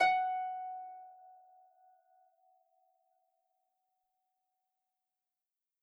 <region> pitch_keycenter=78 lokey=78 hikey=79 tune=-4 volume=7.632466 xfin_lovel=70 xfin_hivel=100 ampeg_attack=0.004000 ampeg_release=30.000000 sample=Chordophones/Composite Chordophones/Folk Harp/Harp_Normal_F#4_v3_RR1.wav